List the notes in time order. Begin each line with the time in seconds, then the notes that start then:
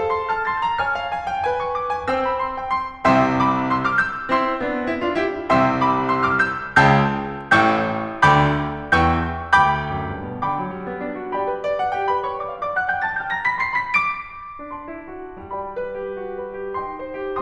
0.00 A4 C6
0.17 A5 F6
0.41 C6 A6
0.62 A#5 G6
0.77 C#5 G#5 F6
0.99 F5
1.15 G#5
1.29 G5
1.47 B4 G#5
1.61 C#6
1.73 D6
1.94 G#5
2.11 C4 C5 G5 E6
2.24 B5
2.38 C6
2.53 G5
2.71 C6
3.01 C2 C3 E5 G5 C6 E6
3.39 B5 D6
3.70 C6 E6
3.85 D6 F6
3.99 E6 G6
4.27 C4 E4 C6 E6
4.59 B3 D4
4.88 C4 E4
5.04 D4 F4
5.18 E4 G4
5.51 C2 C3 E5 G5 C6 E6
5.83 B5 D6
6.12 C6 E6
6.28 D6 F6
6.43 E6 G6
6.79 C#2 C#3 G5 A5 E6 G6
7.55 A1 A2 G5 C#6 E6 G6
8.22 D2 D3 G5 B5 D6 G6
8.97 E2 E3 G5 A5 C#6 G6
9.51 D2 G5 B5 D6 G6
9.96 F#2
10.14 G2
10.30 B2
10.46 D3 G5 B5 D6
10.65 F#3
10.77 G3
10.93 B3
11.09 D4
11.23 F#4
11.38 G4 D5 G5 B5
11.53 B4
11.71 D5
11.83 F#5
11.94 G4 G5
12.07 B4 B5
12.25 C#5 C#6
12.38 D5 D6
12.52 E5 E6
12.65 D5 D6
12.81 F#5 F#6
12.93 G5 G6
13.08 A5 A6
13.22 G5 G6
13.35 A#5 A#6
13.49 B5 B6
13.65 C6 C7
13.80 B5 B6
14.04 D6 D7
14.70 D4 D5 A5 C6
14.88 E4
15.00 F#4
15.39 G3 D5 G5 B5
15.72 B4
15.91 G4
16.16 F#4
16.35 B4
16.53 G4
16.79 D#4 G5 C6
16.96 C5
17.24 G4